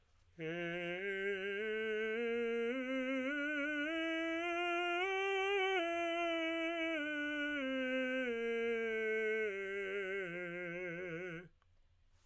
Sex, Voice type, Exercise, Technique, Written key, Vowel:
male, tenor, scales, slow/legato piano, F major, e